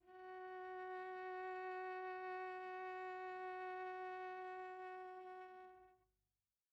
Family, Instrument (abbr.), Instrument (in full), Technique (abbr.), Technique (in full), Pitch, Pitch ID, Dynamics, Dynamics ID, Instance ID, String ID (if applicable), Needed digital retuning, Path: Strings, Va, Viola, ord, ordinario, F#4, 66, pp, 0, 1, 2, FALSE, Strings/Viola/ordinario/Va-ord-F#4-pp-2c-N.wav